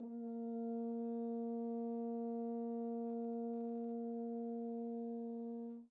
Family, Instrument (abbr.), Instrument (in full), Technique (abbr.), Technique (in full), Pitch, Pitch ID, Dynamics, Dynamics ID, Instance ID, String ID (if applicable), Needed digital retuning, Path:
Brass, Hn, French Horn, ord, ordinario, A#3, 58, pp, 0, 0, , FALSE, Brass/Horn/ordinario/Hn-ord-A#3-pp-N-N.wav